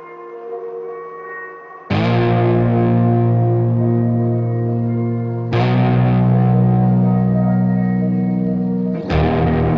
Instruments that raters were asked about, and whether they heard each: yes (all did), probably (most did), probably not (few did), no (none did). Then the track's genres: organ: no
Ambient; Composed Music; Minimalism